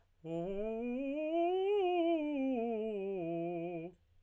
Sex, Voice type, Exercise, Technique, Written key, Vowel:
male, tenor, scales, fast/articulated piano, F major, o